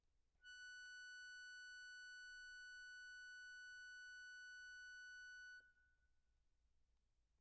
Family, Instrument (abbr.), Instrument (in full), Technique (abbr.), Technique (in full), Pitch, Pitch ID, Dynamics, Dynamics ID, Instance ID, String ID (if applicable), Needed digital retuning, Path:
Keyboards, Acc, Accordion, ord, ordinario, F#6, 90, pp, 0, 0, , FALSE, Keyboards/Accordion/ordinario/Acc-ord-F#6-pp-N-N.wav